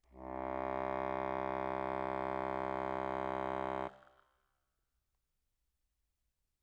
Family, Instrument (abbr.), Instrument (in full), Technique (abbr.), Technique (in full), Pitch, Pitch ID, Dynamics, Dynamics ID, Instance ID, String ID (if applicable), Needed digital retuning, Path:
Keyboards, Acc, Accordion, ord, ordinario, C2, 36, mf, 2, 0, , FALSE, Keyboards/Accordion/ordinario/Acc-ord-C2-mf-N-N.wav